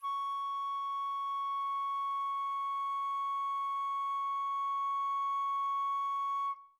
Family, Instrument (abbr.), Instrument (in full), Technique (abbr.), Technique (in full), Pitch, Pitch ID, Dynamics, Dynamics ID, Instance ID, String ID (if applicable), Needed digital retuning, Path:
Winds, Fl, Flute, ord, ordinario, C#6, 85, mf, 2, 0, , TRUE, Winds/Flute/ordinario/Fl-ord-C#6-mf-N-T15d.wav